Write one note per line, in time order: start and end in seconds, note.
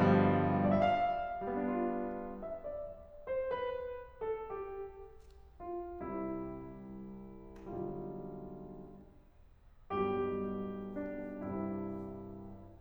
0.00 0.75 G2
0.08 0.75 B2
0.23 0.75 D3
0.30 0.75 F3
0.42 0.75 G3
0.58 0.75 D5
0.70 0.85 E5
0.77 1.79 F5
1.46 2.55 G3
1.53 2.55 B3
1.66 2.55 D4
1.73 2.55 F4
2.41 2.55 E5
2.57 3.11 D5
3.27 3.54 C5
3.55 4.02 B4
4.21 4.47 A4
4.48 5.48 G4
5.65 5.96 F4
5.97 7.42 C2
5.97 7.42 C3
5.97 7.42 G3
5.97 7.42 E4
7.43 7.95 B1
7.43 7.95 D3
7.43 7.95 G3
7.43 7.95 F4
9.96 11.46 B1
9.96 11.46 G2
9.96 11.46 B2
9.96 11.46 G3
9.96 10.91 G4
10.92 11.46 D4
11.47 12.02 C2
11.47 12.02 G2
11.47 12.02 C3
11.47 12.02 G3
11.47 12.02 E4